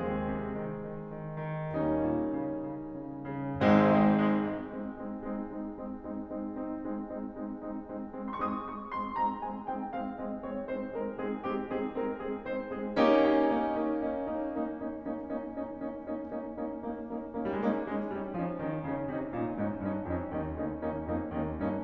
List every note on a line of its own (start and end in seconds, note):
0.00 0.23 D#2
0.00 1.64 G#3
0.00 1.64 C4
0.00 1.64 G#4
0.24 0.55 C3
0.56 0.79 D#3
0.80 1.04 D#3
1.06 1.31 D#3
1.32 1.64 D#3
1.66 1.94 D#2
1.66 3.54 G3
1.66 3.54 A#3
1.66 3.54 C#4
1.66 3.54 D#4
1.96 2.38 A#2
2.39 2.67 C#3
2.68 3.01 C#3
3.02 3.26 C#3
3.29 3.54 C#3
3.55 3.77 G#1
3.55 3.77 G#2
3.55 3.77 G#3
3.55 3.77 C4
3.55 3.77 D#4
3.81 3.99 G#3
3.81 3.99 C4
3.81 3.99 D#4
4.01 4.25 G#3
4.01 4.25 C4
4.01 4.25 D#4
4.26 4.48 G#3
4.26 4.48 C4
4.26 4.48 D#4
4.49 4.70 G#3
4.49 4.70 C4
4.49 4.70 D#4
4.71 5.02 G#3
4.71 5.02 C4
4.71 5.02 D#4
5.02 5.33 G#3
5.02 5.33 C4
5.02 5.33 D#4
5.33 5.58 G#3
5.33 5.58 C4
5.33 5.58 D#4
5.58 5.85 G#3
5.58 5.85 C4
5.58 5.85 D#4
5.85 6.15 G#3
5.85 6.15 C4
5.85 6.15 D#4
6.15 6.41 G#3
6.15 6.41 C4
6.15 6.41 D#4
6.42 6.66 G#3
6.42 6.66 C4
6.42 6.66 D#4
6.69 7.12 G#3
6.69 7.12 C4
6.69 7.12 D#4
7.13 7.37 G#3
7.13 7.37 C4
7.13 7.37 D#4
7.38 7.77 G#3
7.38 7.77 C4
7.38 7.77 D#4
7.78 7.99 G#3
7.78 7.99 C4
7.78 7.99 D#4
8.00 8.20 G#3
8.00 8.20 C4
8.00 8.20 D#4
8.21 8.41 G#3
8.21 8.41 C4
8.21 8.41 D#4
8.43 8.70 G#3
8.43 8.70 C4
8.43 8.70 D#4
8.43 8.49 C6
8.49 8.57 C#6
8.58 8.70 D#6
8.71 8.92 G#3
8.71 8.92 C4
8.71 8.92 D#4
8.71 8.81 C#6
8.93 9.17 G#3
8.93 9.17 C4
8.93 9.17 D#4
8.93 9.02 C6
9.18 9.45 G#3
9.18 9.45 C4
9.18 9.45 D#4
9.18 9.33 A#5
9.46 9.69 G#3
9.46 9.69 C4
9.46 9.69 D#4
9.46 9.58 G#5
9.71 9.91 G#3
9.71 9.91 C4
9.71 9.91 D#4
9.71 9.80 G5
9.91 10.16 G#3
9.91 10.16 C4
9.91 10.16 D#4
9.91 10.05 F5
10.16 10.41 G#3
10.16 10.41 C4
10.16 10.41 D#4
10.16 10.27 D#5
10.41 10.66 G#3
10.41 10.66 C4
10.41 10.66 D#4
10.41 10.54 C#5
10.66 10.91 G#3
10.66 10.91 C4
10.66 10.91 D#4
10.66 10.77 C5
10.91 11.11 G#3
10.91 11.11 C4
10.91 11.11 D#4
10.91 11.01 A#4
11.12 11.38 G#3
11.12 11.38 C4
11.12 11.38 D#4
11.12 11.25 G#4
11.39 11.66 G#3
11.39 11.66 C4
11.39 11.66 D#4
11.39 11.49 G4
11.67 11.92 G#3
11.67 11.92 C4
11.67 11.92 D#4
11.67 11.81 G#4
11.94 12.18 G#3
11.94 12.18 C4
11.94 12.18 D#4
11.94 12.07 A#4
12.19 12.41 G#3
12.19 12.41 C4
12.19 12.41 D#4
12.19 12.28 G#4
12.42 12.72 G#3
12.42 12.72 C4
12.42 12.72 D#4
12.42 12.57 C5
12.74 12.99 G#3
12.74 12.99 C4
12.74 12.99 D#4
12.74 12.85 G#4
13.00 13.25 A#3
13.00 13.25 C#4
13.00 13.25 D#4
13.00 13.25 G4
13.26 13.51 A#3
13.26 13.51 C#4
13.26 13.51 D#4
13.53 13.85 A#3
13.53 13.85 C#4
13.53 13.85 D#4
13.87 14.07 A#3
13.87 14.07 C#4
13.87 14.07 D#4
14.08 14.37 A#3
14.08 14.37 C#4
14.08 14.37 D#4
14.38 14.62 A#3
14.38 14.62 C#4
14.38 14.62 D#4
14.62 14.87 A#3
14.62 14.87 C#4
14.62 14.87 D#4
14.87 15.31 A#3
14.87 15.31 C#4
14.87 15.31 D#4
15.31 15.52 A#3
15.31 15.52 C#4
15.31 15.52 D#4
15.52 15.77 A#3
15.52 15.77 C#4
15.52 15.77 D#4
15.77 16.04 A#3
15.77 16.04 C#4
15.77 16.04 D#4
16.06 16.23 A#3
16.06 16.23 C#4
16.06 16.23 D#4
16.24 16.44 A#3
16.24 16.44 C#4
16.24 16.44 D#4
16.45 16.65 A#3
16.45 16.65 C#4
16.45 16.65 D#4
16.66 16.87 A#3
16.66 16.87 C#4
16.66 16.87 D#4
16.89 17.15 A#3
16.89 17.15 C#4
16.89 17.15 D#4
17.16 17.31 A#3
17.16 17.31 C#4
17.16 17.31 D#4
17.32 17.50 A#3
17.32 17.50 C#4
17.32 17.50 D#4
17.51 17.57 G3
17.51 17.75 C#4
17.51 17.75 D#4
17.57 17.64 G#3
17.65 17.75 A#3
17.81 17.97 G#3
17.81 18.13 C#4
17.81 18.13 D#4
18.16 18.26 G3
18.16 18.40 C#4
18.16 18.40 D#4
18.41 18.55 F3
18.41 18.68 C#4
18.41 18.68 D#4
18.69 18.83 D#3
18.69 18.94 C#4
18.69 18.94 D#4
18.95 19.05 C#3
18.95 19.14 C#4
18.95 19.14 D#4
19.14 19.25 C3
19.14 19.40 C#4
19.14 19.40 D#4
19.40 19.54 A#2
19.40 19.66 C#4
19.40 19.66 D#4
19.66 19.81 G#2
19.66 19.91 C#4
19.66 19.91 D#4
19.91 20.00 G2
19.91 20.12 C#4
19.91 20.12 D#4
20.12 20.29 F2
20.12 20.40 C#4
20.12 20.40 D#4
20.41 20.51 D#2
20.41 20.63 C#4
20.41 20.63 D#4
20.64 20.74 D2
20.64 20.85 A#3
20.64 20.85 C#4
20.64 20.85 D#4
20.86 20.93 D#2
20.86 21.04 A#3
20.86 21.04 C#4
20.86 21.04 D#4
21.05 21.16 F2
21.05 21.27 A#3
21.05 21.27 C#4
21.05 21.27 D#4
21.28 21.42 D#2
21.28 21.52 A#3
21.28 21.52 C#4
21.28 21.52 D#4
21.54 21.65 G2
21.54 21.80 A#3
21.54 21.80 C#4
21.54 21.80 D#4